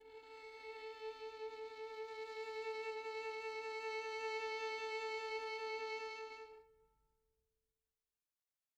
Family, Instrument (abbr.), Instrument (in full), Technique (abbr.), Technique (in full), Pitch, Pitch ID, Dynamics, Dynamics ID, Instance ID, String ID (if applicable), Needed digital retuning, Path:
Strings, Vn, Violin, ord, ordinario, A4, 69, pp, 0, 3, 4, FALSE, Strings/Violin/ordinario/Vn-ord-A4-pp-4c-N.wav